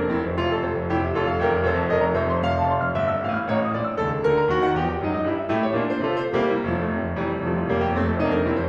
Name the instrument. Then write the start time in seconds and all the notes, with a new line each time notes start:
piano
0.00 F2 A#4
0.12 F1 C4 E4
0.22 F2 C5
0.41 F1 F4
0.52 F2 A4
0.62 F1 C5
0.79 F2 F5
0.89 F1 E4 G4
0.99 F2 E5
1.09 F1 F4 A4
1.27 F2 F5
1.47 F1 G4 A#4
1.58 F2 G5
1.72 F1 A4 C5
1.83 F2 A5
1.95 F1 A#4 D5
2.05 F2 A#5
2.18 F1 C5 E5
2.35 F2 C6
2.50 F1 F5
2.59 F2 A5
2.71 F1 C6
2.82 F2 F6
2.95 G1 E5
3.11 G2 E6
3.20 A1 F5
3.33 A2 F6
3.45 A1 C#5
3.55 A2 C#6
3.67 A#1 D5
3.76 A#2 D6
3.90 C#2 A4
4.01 C#3 A5
4.17 D2 A#4
4.32 D3 A#5
4.47 D#2 F#4
4.57 D#3 F#5
4.71 E2 G4
4.85 E3 G5
5.04 F#2 D#4
5.14 F#3 D#5
5.25 G2 E4
5.36 G3 E5
5.47 A2 A3 E4 G4
5.62 C#5
5.71 A#2 A#3 D4 F4
5.84 D5
6.00 C3 C4 F4 A4
6.18 C5
6.34 C2 G3 A#3
6.47 E4
6.56 F1 F3
6.71 F2 A3
6.84 F1 C4
6.93 F2 F4
7.13 F1 E3 G3
7.26 F2 E4
7.37 F1 F3 A3
7.48 F2 F4
7.66 F1 G3 A#3
7.78 F2 G4
7.96 F1 A3 C4
8.07 F2 A4
8.22 F1 A#3 D4
8.32 F2 A#4
8.43 F1 C4 E4
8.54 F2 C5